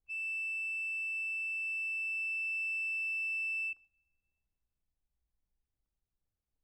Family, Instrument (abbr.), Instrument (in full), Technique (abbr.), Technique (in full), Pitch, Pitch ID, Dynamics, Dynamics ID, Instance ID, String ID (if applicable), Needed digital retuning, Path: Keyboards, Acc, Accordion, ord, ordinario, E7, 100, ff, 4, 1, , FALSE, Keyboards/Accordion/ordinario/Acc-ord-E7-ff-alt1-N.wav